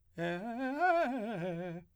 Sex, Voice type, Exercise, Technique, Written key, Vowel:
male, , arpeggios, fast/articulated piano, F major, e